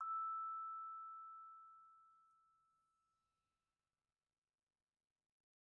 <region> pitch_keycenter=88 lokey=87 hikey=89 volume=28.592920 offset=90 lovel=0 hivel=83 ampeg_attack=0.004000 ampeg_release=15.000000 sample=Idiophones/Struck Idiophones/Vibraphone/Soft Mallets/Vibes_soft_E5_v1_rr1_Main.wav